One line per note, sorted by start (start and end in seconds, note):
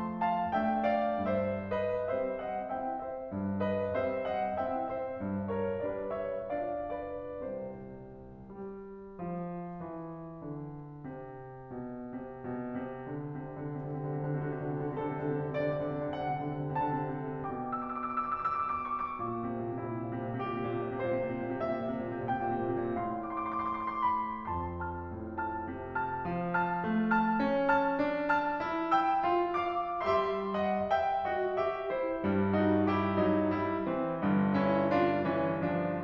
0.00 0.48 F3
0.00 0.48 A3
0.00 0.21 G5
0.00 0.21 B5
0.22 0.48 F5
0.22 0.48 A5
0.48 1.21 A3
0.48 1.21 D4
0.48 0.93 E5
0.48 0.93 G5
0.96 1.21 D5
0.96 1.21 F5
1.22 2.08 G2
1.22 1.67 C5
1.22 1.67 E5
1.70 2.08 B4
1.70 2.08 D#5
2.08 2.74 G3
2.08 2.74 C4
2.08 2.44 C5
2.08 2.44 E5
2.45 2.74 D#5
2.45 2.74 F#5
2.75 3.30 C4
2.75 3.30 E4
2.75 3.00 E5
2.75 3.00 G5
3.00 3.30 C5
3.00 3.30 E5
3.32 3.96 G2
3.61 3.96 B4
3.61 3.96 D#5
3.97 4.67 G3
3.97 4.67 C4
3.97 4.26 C5
3.97 4.26 E5
4.26 4.67 D#5
4.26 4.67 F#5
4.68 5.18 C4
4.68 5.18 E4
4.68 4.91 E5
4.68 4.91 G5
4.93 5.18 C5
4.93 5.18 E5
5.19 5.75 G2
5.54 5.75 A#4
5.54 5.75 C#5
5.77 6.50 G3
5.77 6.50 D4
5.77 6.11 B4
5.77 6.11 D5
6.12 6.50 C5
6.12 6.50 E5
6.50 7.41 D4
6.50 7.41 F4
6.50 6.82 D5
6.50 6.82 F5
6.83 7.41 B4
6.83 7.41 D5
7.43 8.52 C2
7.43 8.52 C3
7.43 8.52 C5
8.53 9.17 G3
9.18 9.81 F3
9.83 10.44 E3
10.46 11.06 D3
11.08 11.73 C3
11.74 12.16 B2
12.16 12.49 C3
12.49 12.78 B2
12.81 13.10 C3
13.11 13.39 D3
13.41 13.62 C3
13.63 13.96 C3
13.76 14.11 D3
13.98 14.33 C3
14.12 14.45 D3
14.34 14.59 C3
14.34 14.93 F#4
14.47 14.74 D3
14.61 14.93 C3
14.76 15.12 D3
14.97 15.23 C3
14.97 15.53 A4
15.13 15.38 D3
15.23 15.53 C3
15.38 15.64 D3
15.53 15.79 C3
15.53 16.13 D5
15.65 15.93 D3
15.80 16.13 C3
15.94 16.34 D3
16.14 16.47 C3
16.14 16.75 F#5
16.35 16.64 D3
16.49 16.75 C3
16.65 16.90 D3
16.79 17.09 C3
16.79 17.39 A5
16.92 17.21 D3
17.10 17.39 C3
17.22 17.52 D3
17.40 19.24 B2
17.40 19.24 G5
17.40 17.64 D6
17.53 17.75 E6
17.65 17.89 D6
17.75 18.00 E6
17.89 18.12 D6
18.01 18.27 E6
18.13 18.45 D6
18.29 18.56 E6
18.46 18.76 D6
18.58 19.01 E6
18.77 19.24 C#6
19.08 19.35 D6
19.25 19.60 A#2
19.37 19.70 C3
19.61 19.82 A#2
19.71 19.98 C3
19.83 20.10 A#2
19.83 20.41 E4
19.99 20.25 C3
20.12 20.41 A#2
20.25 20.58 C3
20.41 20.68 A#2
20.41 21.05 G4
20.58 20.89 C3
20.69 21.05 A#2
20.90 21.20 C3
21.08 21.34 A#2
21.08 21.59 C5
21.23 21.46 C3
21.35 21.59 A#2
21.48 21.83 C3
21.61 21.99 A#2
21.61 22.26 E5
21.84 22.14 C3
22.00 22.26 A#2
22.15 22.48 C3
22.27 22.64 A#2
22.27 22.99 G5
22.49 22.84 C3
22.65 22.99 A#2
22.84 23.10 C3
22.99 24.52 A2
22.99 24.52 F5
22.99 23.21 C6
23.10 23.35 D6
23.22 23.46 C6
23.37 23.58 D6
23.48 23.66 C6
23.59 23.77 D6
23.66 23.93 C6
23.80 24.08 D6
23.95 24.22 C6
24.09 24.36 D6
24.23 24.52 B5
24.53 26.23 F2
24.53 24.90 A5
24.53 24.78 C6
24.92 25.38 A5
24.92 25.38 F6
25.16 25.73 A2
25.39 25.94 A5
25.39 25.94 F6
25.74 26.23 C3
25.96 26.59 A5
25.96 26.59 F6
26.24 30.07 F3
26.60 27.12 A5
26.60 27.12 F6
26.87 27.34 A3
27.12 27.67 A5
27.12 27.67 F6
27.34 27.97 C#4
27.68 28.29 A5
27.68 28.29 F6
27.99 28.67 D4
28.31 28.98 A5
28.31 28.98 F6
28.68 29.23 E4
28.99 29.56 G5
28.99 29.56 E6
29.25 30.07 F4
29.57 30.07 F5
29.57 30.07 D6
30.07 31.56 G3
30.07 31.56 G4
30.07 30.52 E5
30.07 30.52 C6
30.57 30.86 D#5
30.57 30.86 F#5
30.87 31.27 E5
30.87 31.27 G5
31.28 31.56 F#4
31.28 31.56 D#5
31.57 31.93 G4
31.57 31.93 E5
31.95 32.23 E4
31.95 32.23 C5
32.24 33.59 G2
32.24 33.59 G3
32.55 32.90 D#4
32.55 32.90 F#4
32.90 33.19 E4
32.90 33.19 G4
33.19 33.59 F#3
33.19 33.59 D#4
33.59 33.81 G3
33.59 33.81 E4
33.83 34.21 E3
33.83 34.21 C4
34.23 35.61 G1
34.23 35.61 G2
34.53 34.81 C#4
34.53 34.81 E4
34.82 35.22 D4
34.82 35.22 F4
35.24 35.61 E3
35.24 35.61 C#4
35.62 36.04 F3
35.62 36.04 D4